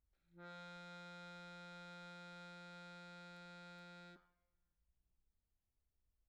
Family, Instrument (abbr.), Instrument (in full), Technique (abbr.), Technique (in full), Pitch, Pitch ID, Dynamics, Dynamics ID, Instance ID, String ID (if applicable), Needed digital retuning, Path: Keyboards, Acc, Accordion, ord, ordinario, F3, 53, pp, 0, 0, , FALSE, Keyboards/Accordion/ordinario/Acc-ord-F3-pp-N-N.wav